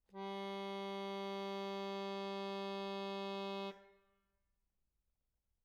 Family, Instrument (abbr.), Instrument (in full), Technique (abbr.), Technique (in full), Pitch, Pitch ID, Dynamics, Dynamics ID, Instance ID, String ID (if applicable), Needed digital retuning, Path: Keyboards, Acc, Accordion, ord, ordinario, G3, 55, mf, 2, 2, , FALSE, Keyboards/Accordion/ordinario/Acc-ord-G3-mf-alt2-N.wav